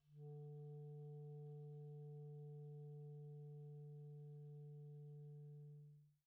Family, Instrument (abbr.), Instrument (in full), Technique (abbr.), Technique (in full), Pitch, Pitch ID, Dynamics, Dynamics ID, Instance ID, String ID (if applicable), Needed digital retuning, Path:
Winds, ClBb, Clarinet in Bb, ord, ordinario, D3, 50, pp, 0, 0, , FALSE, Winds/Clarinet_Bb/ordinario/ClBb-ord-D3-pp-N-N.wav